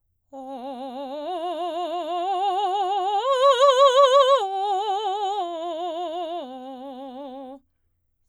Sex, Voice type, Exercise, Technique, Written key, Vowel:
female, soprano, arpeggios, slow/legato forte, C major, o